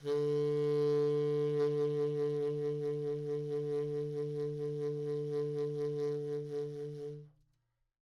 <region> pitch_keycenter=50 lokey=50 hikey=51 tune=-2 volume=17.602410 offset=45 ampeg_attack=0.004000 ampeg_release=0.500000 sample=Aerophones/Reed Aerophones/Tenor Saxophone/Vibrato/Tenor_Vib_Main_D2_var2.wav